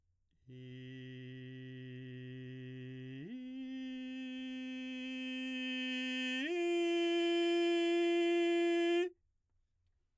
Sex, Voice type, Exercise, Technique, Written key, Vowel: male, baritone, long tones, straight tone, , i